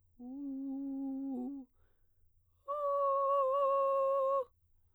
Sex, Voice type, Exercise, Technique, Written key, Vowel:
female, soprano, long tones, inhaled singing, , u